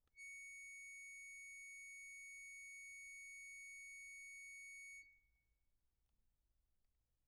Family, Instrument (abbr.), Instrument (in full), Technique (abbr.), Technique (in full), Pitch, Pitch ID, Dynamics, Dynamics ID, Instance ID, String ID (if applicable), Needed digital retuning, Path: Keyboards, Acc, Accordion, ord, ordinario, C#7, 97, pp, 0, 1, , FALSE, Keyboards/Accordion/ordinario/Acc-ord-C#7-pp-alt1-N.wav